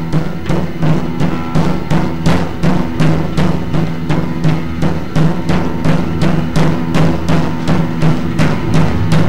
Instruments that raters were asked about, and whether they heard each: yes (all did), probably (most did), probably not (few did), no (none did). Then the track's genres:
drums: yes
Noise